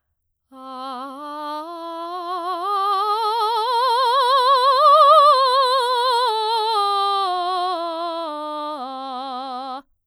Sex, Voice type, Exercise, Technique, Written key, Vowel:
female, soprano, scales, slow/legato forte, C major, a